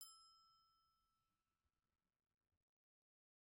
<region> pitch_keycenter=88 lokey=88 hikey=89 volume=32.098126 offset=242 ampeg_attack=0.004000 ampeg_release=15.000000 sample=Idiophones/Struck Idiophones/Bell Tree/Individual/BellTree_Hit_E5_rr1_Mid.wav